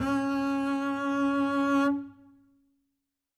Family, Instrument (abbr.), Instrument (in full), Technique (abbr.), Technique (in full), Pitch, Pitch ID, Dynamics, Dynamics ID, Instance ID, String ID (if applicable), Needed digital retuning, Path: Strings, Cb, Contrabass, ord, ordinario, C#4, 61, ff, 4, 1, 2, TRUE, Strings/Contrabass/ordinario/Cb-ord-C#4-ff-2c-T13u.wav